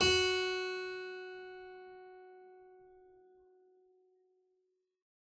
<region> pitch_keycenter=66 lokey=66 hikey=67 volume=2.831589 trigger=attack ampeg_attack=0.004000 ampeg_release=0.350000 amp_veltrack=0 sample=Chordophones/Zithers/Harpsichord, English/Sustains/Normal/ZuckermannKitHarpsi_Normal_Sus_F#3_rr1.wav